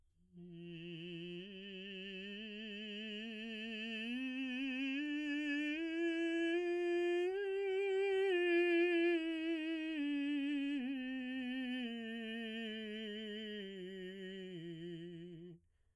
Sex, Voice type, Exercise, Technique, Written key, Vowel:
male, baritone, scales, slow/legato piano, F major, i